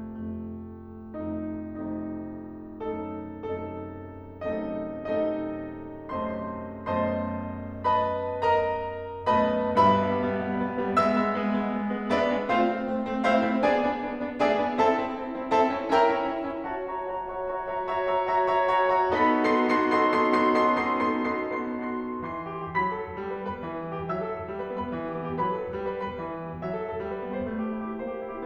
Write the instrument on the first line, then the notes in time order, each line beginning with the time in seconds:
piano
0.00 F2 C3 A3
1.20 F2 C3 A3 D#4
2.69 F2 C3 A3 D#4
3.54 F#2 C3 A3 D#4 A4
3.98 F#2 C3 A3 D#4 A4
4.88 F#2 C3 A3 D#4 A4 D#5
5.29 F#2 C3 A3 D#4 A4 D#5
6.13 F#2 C3 A3 C5 D#5 A5 C6
6.64 F#2 B2 A3 C5 D#5 A5 C6
7.88 B4 D#5 A5 B5
8.43 A#4 D#5 A#5
9.28 F#2 B2 A3 B4 D#5 A5 B5
9.74 G2 B2 G3 B4 E5 B5
9.94 G3 B3
10.12 G3 B3
10.32 G3 B3
10.52 G3 B3
10.72 G3 B3
10.94 G#3 B3 E5 E6
11.12 G#3 B3
11.31 G#3 B3
11.51 G#3 B3
11.73 G#3 B3
11.91 G#3 B3
12.09 G#3 B3 D4 B4 D5 E5
12.26 G#3 B3 D4
12.47 A3 C4 F4 C5 F5
12.69 A3 C4
12.91 A3 C4
13.08 A3 C4
13.24 A3 C4 E4 C5 E5 F5
13.42 A3 C4 E4
13.62 B3 D4 G#4 D5 G#5
13.90 B3 D4
14.08 B3 D4
14.25 B3 D4
14.43 B3 D4 E4 G#4 D5 E5 G#5
14.59 B3 D4 E4
14.77 C4 E4 A4 E5 A5
14.94 C4 E4
15.19 C4 E4
15.35 C4 E4
15.55 C4 E4 A4 E5 A5
15.71 C4 E4
15.91 C#4 E4 A#4 E5 G5 A#5
16.09 C#4 E4
16.35 C#4 E4
16.52 C#4 E4
16.72 F#4 C#5 E5 A5
16.92 F#4 C#5 E5 A#5
17.08 F#4 C#5 E5 A#5
17.23 F#4 C#5 E5 A#5
17.47 F#4 C#5 E5 A#5
17.66 F#4 C#5 E5 A#5
17.91 F#4 C#5 E5 A#5
18.10 F#4 C#5 E5 A#5
18.32 F#4 C#5 E5 A#5
18.51 F#4 C#5 E5 A#5
18.69 F#4 C#5 E5 A#5
18.87 F#4 C#5 E5 A#5
19.09 B3 D#4 F#4 A4 B5 B6
19.37 B3 D#4 F#4 A4 C6 C7
19.67 B3 D#4 F#4 A4 C6 C7
19.89 B3 D#4 F#4 A4 C6 C7
20.15 B3 D#4 F#4 A4 C6 C7
20.35 B3 D#4 F#4 A4 C6 C7
20.53 B3 D#4 F#4 A4 C6 C7
20.74 B3 D#4 F#4 A4 C6 C7
20.93 B3 D#4 F#4 A4 C6 C7
21.16 B3 D#4 F#4 A4 C6 C7
21.42 B3 D#4 F#4 A4 C6 C7
21.73 B3 D#4 F#4 A4 C6 C7
22.27 E3 C6 C7
22.47 G4
22.53 B3
22.63 G4
22.77 F#3 B5 B6
22.88 A4
22.98 B3
23.07 A4
23.16 G3
23.32 B4
23.43 B3
23.55 B4
23.64 E3
23.75 G4
23.87 B3
23.96 G4
24.10 F#3 E5 E6
24.22 A4
24.29 B3
24.42 A4
24.51 G3
24.60 B4
24.71 B3
24.86 B4
24.95 E3
25.08 G4
25.19 B3
25.29 G4
25.43 F#3 B4 B5
25.54 A4
25.65 B3
25.73 A4
25.83 G3
25.91 B4
26.02 B3
26.11 B4
26.23 E3
26.32 G4
26.41 B3
26.49 G4
26.60 F#3 E4 E5
26.74 A4
26.85 B3
26.95 A4
27.04 G3
27.14 B4
27.26 B3
27.36 B4
27.47 A3
27.64 G4
27.75 E4
27.86 G4
27.98 A#3 C5
28.14 G4
28.27 E4
28.37 G4